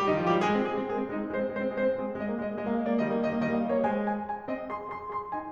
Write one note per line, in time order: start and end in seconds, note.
0.01 0.09 G3
0.01 0.09 G4
0.09 0.25 D#3
0.09 0.25 D#4
0.25 0.35 F3
0.25 0.35 F4
0.35 0.45 G3
0.35 0.45 G4
0.47 0.56 G#3
0.47 0.71 G#4
0.56 0.71 C4
0.71 0.80 G#3
0.71 0.88 G#4
0.80 0.88 C4
0.89 0.99 G#3
0.89 1.11 G#4
1.00 1.11 C4
1.11 1.22 G#3
1.11 1.34 D#4
1.22 1.34 C4
1.34 1.46 G#3
1.34 1.55 C5
1.47 1.55 C4
1.56 1.63 G#3
1.56 1.72 C5
1.63 1.72 C4
1.72 1.86 G#3
1.72 2.01 C5
1.86 2.01 C4
2.03 2.12 G#3
2.03 2.22 G#4
2.12 2.22 C4
2.22 2.34 G#3
2.22 2.42 D#5
2.34 2.42 A#3
2.43 2.51 G#3
2.43 2.59 D#5
2.53 2.59 A#3
2.59 2.71 G#3
2.59 2.71 D#5
2.71 2.82 A#3
2.71 2.82 F5
2.82 2.90 G#3
2.82 2.90 D#5
2.91 3.04 A#3
2.91 3.04 D5
3.04 3.14 D#3
3.04 3.14 G3
3.04 3.26 D#5
3.14 3.26 A#3
3.26 3.37 D#3
3.26 3.37 G3
3.26 3.45 D#5
3.37 3.45 A#3
3.47 3.55 D#3
3.47 3.55 G3
3.47 3.55 D#5
3.55 3.64 A#3
3.55 3.64 F5
3.64 3.73 D#3
3.64 3.73 G3
3.64 3.73 D#5
3.73 3.83 A#3
3.73 3.83 C#5
3.84 4.24 G#3
3.84 4.03 C5
3.84 4.03 G#5
4.03 4.24 G#5
4.24 4.45 G#5
4.45 4.71 C4
4.45 4.71 D#5
4.71 4.89 G#4
4.71 4.89 C6
4.91 5.07 G#4
4.91 5.07 C6
5.07 5.31 G#4
5.07 5.31 C6
5.32 5.52 D#4
5.32 5.52 G#5